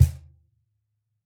<region> pitch_keycenter=62 lokey=62 hikey=62 volume=0.604521 lovel=66 hivel=99 seq_position=2 seq_length=2 ampeg_attack=0.004000 ampeg_release=30.000000 sample=Idiophones/Struck Idiophones/Cajon/Cajon_hit3_mp_rr1.wav